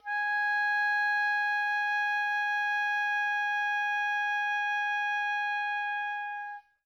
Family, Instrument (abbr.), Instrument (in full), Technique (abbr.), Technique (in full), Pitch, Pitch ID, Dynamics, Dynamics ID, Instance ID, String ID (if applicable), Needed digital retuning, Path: Winds, Ob, Oboe, ord, ordinario, G#5, 80, mf, 2, 0, , FALSE, Winds/Oboe/ordinario/Ob-ord-G#5-mf-N-N.wav